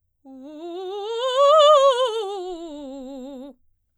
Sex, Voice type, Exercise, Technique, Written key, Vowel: female, soprano, scales, fast/articulated forte, C major, u